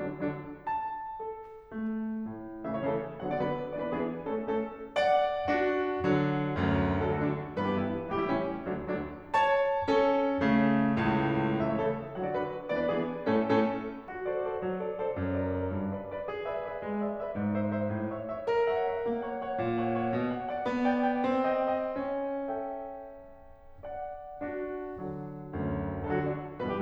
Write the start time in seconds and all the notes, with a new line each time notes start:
0.08 D3 F#3 D4
0.28 D3 F#3 D4
0.66 A5
1.21 A4
1.66 A3
2.28 A2
2.76 C#3 E3 A3 E5
2.86 C#5
2.91 C#3 E3 A3 A4
3.25 D3 F#3 B3 F#5
3.33 D5
3.39 D3 F#3 B3 B4
3.75 E3 B3 D4 D5
3.85 B4
4.01 E3 B3 D4 G#4
4.39 A3 C#4 A4
4.56 A3 C#4 A4
4.99 D5 F#5
5.48 D4 F#4
6.04 D3 F#3
6.57 D2 F#2
7.07 D3 F#3 A3 A4
7.19 F#4
7.28 D3 F#3 A3 D4
7.65 G2 E3 B3 B4
7.76 G4
7.85 G2 E3 B3 E4
8.17 A2 E3 G3 G4
8.24 E4
8.35 A2 E3 G3 C#4
8.73 D2 D3 F#3 D4
8.93 D2 D3 F#3 D4
9.33 C#5 A5
9.88 C#4 A4
10.39 C#3 A3
10.99 C#2 A2
11.68 C#3 E3 A3 E4 E5
11.76 C#5
11.87 C#3 E3 A3 E4 A4
12.17 D3 F#3 B3 F#4 F#5
12.27 D5
12.36 D3 F#3 B3 F#4 B4
12.72 E3 B3 D4 D5
12.82 B4
12.92 E3 B3 D4 G#4
13.35 A2 A3 C#4 A4
13.62 A2 A3 C#4 A4
14.09 F#4
14.28 A4 C5 D5
14.47 A4 C5 D5
14.64 F#3
14.79 A4 C5 D5
14.95 A4 C5 D5
15.14 F#2
15.38 A#4 D5
15.53 A#4 D5
15.73 G2
15.92 B4 D5
16.08 B4 D5
16.27 G#4
16.44 B4 D5 E5
16.60 B4 D5 E5
16.83 G#3
17.02 B4 D5 E5
17.17 B4 D5 E5
17.37 G#2
17.54 C5 E5
17.73 C5 E5
17.91 A2
18.12 C#5 E5
18.33 C#5 E5
18.49 A#4
18.70 C#5 E5 F#5
18.88 C#5 E5 F#5
19.07 A#3
19.25 C#5 E5 F#5
19.39 C#5 E5 F#5
19.56 A#2
19.78 C#5 F#5
19.92 C#5 F#5
20.10 B2
20.26 D5 F#5
20.40 D5 F#5
20.63 B3
20.86 D5 G5
21.06 D5 G5
21.25 C4
21.47 D#5 G5
21.70 D#5 G5
21.95 C#4
22.22 A4 E5 G5
23.84 D5 F#5
24.43 D4 F#4
24.96 D3 F#3
25.53 D2 F#2
26.05 D3 F#3 A4
26.11 F#4
26.20 D3 F#3 D4
26.61 G2 B2 E3 B4
26.71 G4